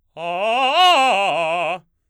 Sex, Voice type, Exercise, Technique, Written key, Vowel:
male, baritone, arpeggios, fast/articulated forte, F major, a